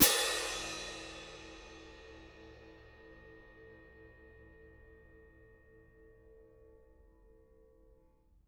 <region> pitch_keycenter=60 lokey=60 hikey=60 volume=2.373806 lovel=84 hivel=106 seq_position=1 seq_length=2 ampeg_attack=0.004000 ampeg_release=30.000000 sample=Idiophones/Struck Idiophones/Clash Cymbals 1/cymbal_crash1_mf1.wav